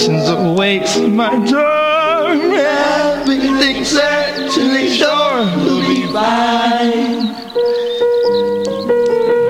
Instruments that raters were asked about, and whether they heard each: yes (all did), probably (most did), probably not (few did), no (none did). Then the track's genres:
flute: no
Hip-Hop; Experimental; Alternative Hip-Hop